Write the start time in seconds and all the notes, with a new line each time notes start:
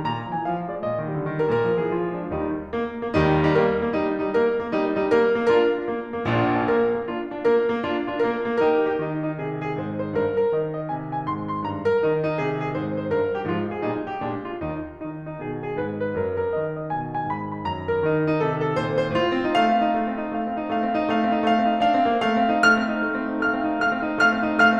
0.00 G3 A#5
0.13 A#2 A#5
0.26 F3
0.37 G#3 G#5
0.48 E3 F5
0.59 F3
0.69 G#3 D5
0.80 A#2 D#5
0.89 D#3
1.01 G3
1.14 D3
1.29 D#3
1.40 G3 A#4
1.53 A#2 A#4
1.65 F3
1.75 G#3 G#4
1.86 E3 F4
2.01 F3
2.14 G#3 D4
2.26 D#2 D#3 G3 D#4
2.76 A#3
3.04 A#3
3.15 D#2 D#3 G3 D#4
3.38 D#4
3.49 A#3 A#4
3.75 A#3
3.90 G3 D#4
4.21 D#4
4.31 A#3 A#4
4.53 A#3
4.69 G3 D#4
4.95 D#4
5.13 A#3 A#4
5.46 A#3
5.56 D4 F4 A#4
5.76 D4 F4
5.87 A#3
6.10 A#3
6.28 A#1 A#2 D4 F4
6.59 D4 F4
6.70 A#3 A#4
6.98 A#3
7.07 D4 F4
7.33 D4 F4
7.44 A#3 A#4
7.70 A#3
7.83 D4 F4
8.10 D4 F4
8.22 A#3 A#4
8.45 A#3
8.60 D#4 G4 A#4
8.84 G4
9.07 D#3 D#4
9.28 D#4
9.39 C3 G#4
9.65 G#4
9.79 G#2 C5
10.02 C5
10.15 G2 A#4
10.41 A#4
10.55 D#3 D#5
10.81 D#5
10.94 C3 G#5
11.18 G#5
11.33 G#2 C6
11.55 C6
11.67 G2 A#5
11.84 A#4
12.02 D#3 D#4
12.25 D#4
12.34 C3 G#4
12.60 G#4
12.76 G#2 C5
13.00 C5
13.10 G2 A#4
13.34 G4
13.43 G#2 F3 F4
13.66 G#4
13.85 A#2 G3 D#4
14.06 G4
14.20 A#2 G#3 D4
14.44 F4
14.55 D#2 D#4
14.98 D#3 D#4
15.24 D#4
15.43 B2 G#4
15.65 G#4
15.79 G#2 B4
16.03 B4
16.17 F#2 A#4
16.39 A#4
16.58 D#3 D#5
16.79 D#5
16.92 B2 G#5
17.17 G#5
17.23 G#2 B5
17.52 B5
17.64 F#2 A#5
17.88 A#4
18.03 D#3 D#4
18.30 D#4
18.41 C3 G#4
18.66 G#4
18.78 A#2 C5
18.98 C5
19.12 G#2 F4
19.26 C4
19.44 D#4
19.54 A3 F5
19.64 C4
19.81 D#4
19.92 A3
20.09 C4
20.24 D#4
20.35 A3 F5
20.49 C4
20.60 D#4
20.75 A3 F5
20.86 C4
20.98 D#4
21.10 A3 F5
21.21 C4
21.37 D#4
21.49 A3 F5
21.59 C4
21.73 D#4
21.87 A3 F5
21.98 C4
22.09 D#4
22.22 A3 F5
22.41 C4
22.52 D#4
22.65 A3 F6
22.79 C4
22.93 D#4
23.12 A3
23.23 C4
23.32 D#4
23.43 A3 F5 F6
23.51 C4
23.66 D#4
23.82 A3 F5 F6
23.93 C4
24.06 D#4
24.21 A3 F5 F6
24.32 C4
24.43 D#4
24.56 A3 F5 F6
24.66 C4